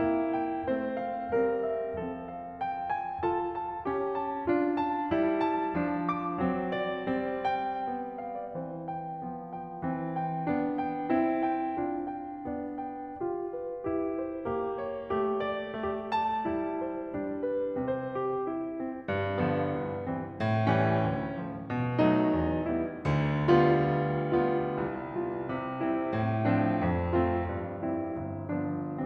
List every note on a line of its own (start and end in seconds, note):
0.00 0.65 A#3
0.00 0.65 E4
0.34 0.95 G5
0.66 1.32 A3
0.66 1.32 C4
0.66 1.32 C5
0.96 1.63 F5
1.32 1.99 G3
1.32 1.99 C4
1.32 1.99 A#4
1.63 2.32 E5
2.00 3.23 F3
2.00 3.23 C4
2.00 3.23 A4
2.33 2.64 F5
2.64 2.91 G5
2.93 3.23 G#5
3.24 3.87 F4
3.24 3.87 A4
3.24 3.58 A5
3.58 4.17 A5
3.87 4.47 C#4
3.87 4.47 G4
4.18 4.78 A5
4.48 5.10 D4
4.48 5.10 F4
4.78 5.43 A5
5.11 5.76 G3
5.11 5.76 E4
5.43 6.06 A5
5.76 6.40 F3
5.76 6.40 D4
6.06 6.73 D6
6.41 7.02 F#3
6.41 7.02 C4
6.73 7.47 D5
7.02 8.51 G3
7.02 7.87 C4
7.49 8.23 G5
7.87 8.51 B3
8.23 8.36 F5
8.37 8.51 D5
8.52 9.25 E3
8.52 9.25 C4
8.52 8.89 C5
8.89 9.53 G5
9.25 9.83 F3
9.25 9.83 B3
9.53 10.14 G5
9.83 10.47 E3
9.83 10.47 C4
10.15 10.79 G5
10.48 11.10 B3
10.48 11.10 D4
10.79 11.37 G5
11.11 11.73 C4
11.11 11.73 E4
11.37 12.06 G5
11.73 12.41 D4
11.73 12.41 F4
12.07 12.79 G5
12.42 13.21 B3
12.42 13.21 D4
12.79 13.54 G5
13.21 13.83 F4
13.21 14.42 G4
13.55 14.13 B4
13.84 14.42 E4
14.13 14.79 C5
14.47 15.10 A#3
14.47 15.10 G4
14.80 15.48 C#5
15.10 15.81 A3
15.10 15.81 G4
15.48 16.14 D5
15.82 16.49 A3
15.82 16.49 F4
16.16 16.81 A5
16.49 17.17 G3
16.49 17.17 E4
16.83 17.46 C5
17.18 17.86 G3
17.18 17.86 D4
17.46 17.86 B4
17.86 18.53 C3
17.86 18.53 C4
17.86 18.19 C5
18.20 18.53 G4
18.54 18.78 E4
18.78 19.06 C4
19.08 19.76 G2
19.41 20.06 D3
19.41 20.06 F3
19.41 20.06 B3
19.76 20.06 C2
20.06 20.36 E3
20.06 20.36 G3
20.06 20.36 C4
20.36 20.98 A2
20.67 21.33 E3
20.67 21.33 G3
20.67 21.33 C#4
20.98 21.33 D2
21.34 21.63 F3
21.34 21.63 A3
21.34 21.63 D4
21.64 22.35 B2
21.99 22.65 F3
21.99 22.65 A3
21.99 22.65 D#4
22.35 22.65 E2
22.66 23.03 G3
22.66 23.03 B3
22.66 23.03 E4
23.05 24.79 D2
23.05 24.79 D3
23.45 24.39 G3
23.45 24.39 B3
23.45 24.39 F4
24.40 25.11 G3
24.40 25.11 B3
24.40 25.11 F4
24.79 25.43 C2
25.12 25.83 G3
25.12 25.83 B3
25.12 25.83 F4
25.44 26.22 C3
25.84 26.51 A3
25.84 26.51 C4
25.84 26.51 E4
26.22 26.81 A2
26.52 27.12 F3
26.52 27.12 C4
26.52 27.12 D4
26.82 27.42 F2
27.12 27.79 A3
27.12 27.79 C4
27.12 27.79 F4
27.43 28.14 G2
27.81 28.60 G3
27.81 28.60 C4
27.81 28.60 E4
28.14 29.06 G1
28.60 29.06 F3
28.60 29.06 B3
28.60 29.06 D4